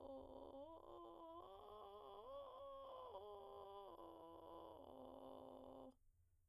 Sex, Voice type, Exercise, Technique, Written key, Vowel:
female, soprano, arpeggios, vocal fry, , o